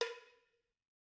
<region> pitch_keycenter=60 lokey=60 hikey=60 volume=8.904143 offset=270 lovel=66 hivel=99 ampeg_attack=0.004000 ampeg_release=15.000000 sample=Idiophones/Struck Idiophones/Cowbells/Cowbell1_Hit_v3_rr1_Mid.wav